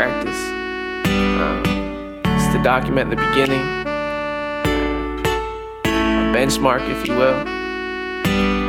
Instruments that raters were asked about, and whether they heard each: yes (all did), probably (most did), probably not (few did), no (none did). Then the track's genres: accordion: no
saxophone: yes
Pop; Hip-Hop